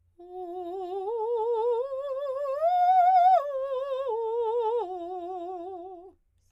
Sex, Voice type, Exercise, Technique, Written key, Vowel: female, soprano, arpeggios, slow/legato piano, F major, o